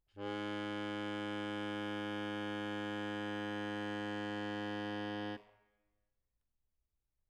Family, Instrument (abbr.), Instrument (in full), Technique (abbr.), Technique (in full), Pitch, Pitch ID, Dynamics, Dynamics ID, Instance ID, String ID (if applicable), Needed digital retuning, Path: Keyboards, Acc, Accordion, ord, ordinario, G#2, 44, mf, 2, 2, , FALSE, Keyboards/Accordion/ordinario/Acc-ord-G#2-mf-alt2-N.wav